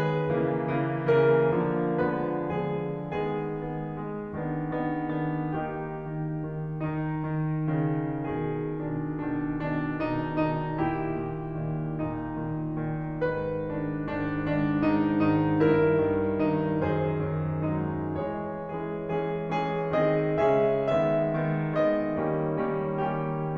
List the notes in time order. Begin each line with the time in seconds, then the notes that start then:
0.01 D#3 G#3 B3 G#4 B4
0.35 C#3 E3 A#3
0.82 C#3 E3 A#3
1.17 C#3 E3 A#3 A#4
1.60 D3 F3 A#3
2.02 D3 F3 A#3 C#4 B4
2.46 D3 F3 A#3 C#4 G#4
2.96 D#3 G#3 B3 G#4
3.48 D#3 G#3 B3
3.89 D#3 G#3 B3
4.35 D#3 B3 D4
4.78 D#3 B3 D4
5.18 D#3 B3 D4
5.55 D#3 A#3 D#4 G4
5.98 D#3
6.46 D#3
6.91 D#3 D#4
7.26 D#3
7.70 C#3 D#3
8.27 B2 D#3 G#4
8.74 B2 D#3 D4
9.21 B2 D#3 D4
9.61 B2 D#3 D4
10.05 B2 D#3 D#4
10.47 B2 D#3 D#4
10.82 A#2 D#3 E4 G4
11.24 A#2 D#3
11.63 A#2 D#3
11.99 A#2 D#3 D#4
12.38 A#2 D#3
12.72 A#2 D#3
13.25 G#2 D#3 B4
13.62 G#2 D#3 D4
14.11 G#2 D#3 D4
14.54 G#2 D#3 D4
14.87 G#2 D#3 D#4
15.22 G#2 D#3 D#4
15.65 G2 D#3 E4 A#4
16.07 G2 D#3
16.51 G2 D#3 D#4
16.93 F#2 D#3 G#4 C5
17.31 F#2 D#3
17.77 F#3 G#3 D#4
18.17 E3 G#3 G#4 C#5
18.62 E3 G#3 C#4 G#4
19.09 E3 G#3 C#4 G#4
19.50 E3 G#3 C#4 G#4
19.93 D#3 G#3 C4 G#4 D#5
20.33 C#3 G#3 C#4 G#4 E5
20.86 D#3 G#3 B3 E5
21.33 D#3 G#3 B3
21.80 D#3 G#3 B3 D#5
22.18 D#3 G3 A#3 C#4
22.52 D#3 G3 A#3 C#4
22.99 D#3 G3 A#3 C#4 G4